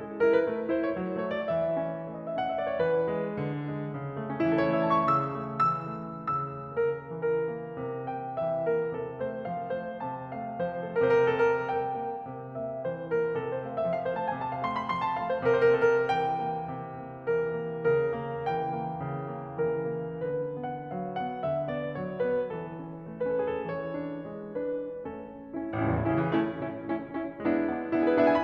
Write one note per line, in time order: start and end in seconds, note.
0.00 0.24 G#3
0.24 0.44 E4
0.24 0.34 A#4
0.34 0.44 B4
0.45 0.72 A3
0.72 1.00 E4
0.72 0.88 C5
0.89 1.00 C#5
1.00 1.24 F#3
1.25 1.47 A3
1.25 1.37 C#5
1.37 1.47 D5
1.47 1.75 E3
1.47 2.22 E5
1.75 2.04 C#4
2.05 2.33 A3
2.22 2.33 D#5
2.28 2.39 E5
2.33 2.73 C#4
2.33 2.57 F#5
2.40 2.64 E5
2.58 2.73 D5
2.65 2.73 C#5
2.73 3.08 E3
2.73 3.34 B4
3.09 3.34 G#3
3.34 3.72 D3
3.72 3.95 G#3
3.96 4.17 C#3
4.17 4.28 A3
4.17 4.42 A3
4.30 4.42 C#4
4.42 4.78 E3
4.42 4.60 E4
4.50 4.78 A4
4.66 4.90 C#5
4.79 5.07 A3
4.79 4.98 E5
4.91 5.07 A5
4.99 5.07 C#6
5.07 5.39 C#3
5.07 5.65 E6
5.39 5.65 A3
5.67 5.99 E3
5.67 6.29 E6
5.99 6.29 A3
6.29 6.71 C#3
6.29 6.71 E6
6.72 7.01 A#3
6.72 6.84 A#4
7.01 7.50 E3
7.01 8.14 A#4
7.50 7.78 A#3
7.79 8.14 C3
8.15 8.41 A#3
8.15 8.41 G5
8.41 8.67 E3
8.41 8.67 E5
8.68 8.94 A#3
8.68 8.94 A#4
8.95 9.20 C3
8.95 9.20 A4
9.20 9.52 A3
9.20 9.52 C5
9.53 9.83 F3
9.53 9.83 F5
9.85 10.05 A3
9.85 10.05 C5
10.05 10.30 C3
10.05 10.30 A5
10.31 10.59 A3
10.31 10.59 F5
10.60 10.95 F3
10.60 10.95 C5
10.95 11.18 A3
10.95 11.18 A4
11.19 11.46 C3
11.19 11.34 A#4
11.26 11.40 C5
11.34 11.46 A#4
11.40 11.52 C5
11.47 11.74 A#3
11.47 11.59 A#4
11.54 11.68 C5
11.60 11.74 A4
11.68 11.74 A#4
11.74 11.98 G3
11.74 12.50 G5
11.99 12.23 A#3
12.24 12.50 C3
12.50 12.85 A#3
12.50 12.85 E5
12.85 13.14 E3
12.85 13.14 C5
13.15 13.37 A#3
13.15 13.37 A#4
13.37 13.64 C3
13.37 13.51 A4
13.53 13.64 C5
13.64 13.89 A3
13.64 13.77 F5
13.77 13.89 E5
13.90 14.16 F3
13.90 14.01 F5
14.01 14.16 C5
14.16 14.43 A3
14.16 14.29 A5
14.29 14.43 G#5
14.43 14.65 C3
14.43 14.52 A5
14.52 14.65 F5
14.66 14.97 A3
14.66 14.83 C6
14.83 14.97 B5
14.97 15.21 F3
14.97 15.08 C6
15.10 15.21 A5
15.21 15.45 A3
15.21 15.33 F5
15.33 15.45 C5
15.46 15.75 C3
15.46 15.63 A#4
15.55 15.70 C5
15.63 15.75 A#4
15.70 15.81 C5
15.75 16.09 A#3
15.75 15.91 A#4
15.81 15.96 C5
15.92 16.09 A4
16.00 16.09 A#4
16.09 16.40 G3
16.09 17.31 G5
16.42 16.72 A#3
16.72 17.00 C3
17.00 17.31 A#3
17.35 17.58 E3
17.35 17.84 A#4
17.58 17.84 A#3
17.84 18.16 C#3
17.84 18.59 A#4
18.17 18.59 A#3
18.59 18.90 E3
18.59 19.73 G5
18.90 19.14 A#3
19.17 19.44 C#3
19.44 19.73 A#3
19.73 19.97 E3
19.73 20.24 A#4
19.98 20.24 A#3
20.24 20.62 D3
20.24 20.62 B4
20.62 20.89 B3
20.62 20.89 F#5
20.90 21.12 F#3
20.90 21.12 F5
21.12 21.41 B3
21.12 21.41 F#5
21.41 21.70 D3
21.41 21.70 E5
21.71 21.97 B3
21.71 21.97 D5
21.97 22.27 F#3
21.97 22.27 C#5
22.27 22.49 B3
22.27 22.49 B4
22.52 22.77 E3
22.52 23.24 A4
22.77 23.03 C#4
23.03 23.24 A3
23.25 23.64 C#4
23.25 23.37 B4
23.31 23.51 A4
23.37 23.64 G#4
23.51 23.64 A4
23.64 23.96 E3
23.64 24.54 C#5
23.96 24.26 D4
24.28 24.54 G#3
24.54 25.00 D4
24.54 25.00 B4
25.00 25.72 A3
25.00 25.72 C#4
25.00 25.44 A4
25.45 25.72 C#4
25.45 25.72 E4
25.72 25.94 A1
25.72 26.03 C#4
25.72 26.03 E4
25.81 26.03 C#2
25.94 26.12 E2
26.03 26.25 A2
26.03 26.35 C#4
26.03 26.35 E4
26.12 26.35 C#3
26.25 26.35 E3
26.37 26.88 A3
26.37 26.62 C#4
26.37 26.62 E4
26.63 26.88 C#4
26.63 26.88 E4
26.88 27.39 A3
26.88 27.12 C#4
26.88 27.12 E4
27.13 27.39 C#4
27.13 27.39 E4
27.40 27.86 G#3
27.40 27.67 B3
27.40 27.67 D4
27.40 27.67 E4
27.67 27.86 B3
27.67 27.86 D4
27.67 27.86 E4
27.88 28.11 B3
27.88 28.11 D4
27.88 28.11 E4
27.96 28.11 G#4
28.04 28.21 B4
28.12 28.44 B3
28.12 28.44 D4
28.12 28.44 E4
28.12 28.39 E5
28.21 28.44 G#5
28.39 28.44 B5